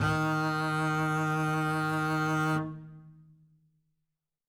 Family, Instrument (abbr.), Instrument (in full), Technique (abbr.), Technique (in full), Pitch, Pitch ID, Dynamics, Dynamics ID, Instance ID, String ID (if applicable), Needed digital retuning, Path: Strings, Cb, Contrabass, ord, ordinario, D#3, 51, ff, 4, 0, 1, TRUE, Strings/Contrabass/ordinario/Cb-ord-D#3-ff-1c-T11u.wav